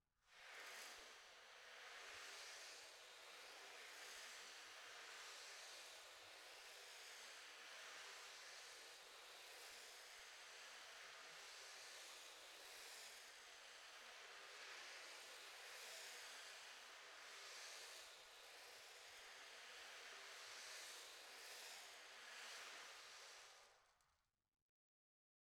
<region> pitch_keycenter=62 lokey=62 hikey=62 volume=35.000000 ampeg_attack=0.004000 ampeg_release=4.000000 sample=Membranophones/Other Membranophones/Ocean Drum/OceanDrum_Sus_3_Mid.wav